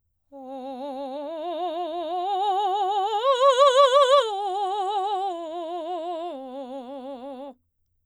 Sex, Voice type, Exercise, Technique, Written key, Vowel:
female, soprano, arpeggios, vibrato, , o